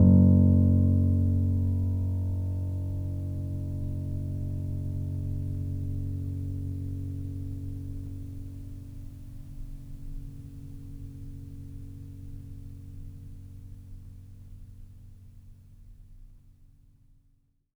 <region> pitch_keycenter=30 lokey=30 hikey=31 volume=-0.291371 lovel=0 hivel=65 locc64=0 hicc64=64 ampeg_attack=0.004000 ampeg_release=0.400000 sample=Chordophones/Zithers/Grand Piano, Steinway B/NoSus/Piano_NoSus_Close_F#1_vl2_rr1.wav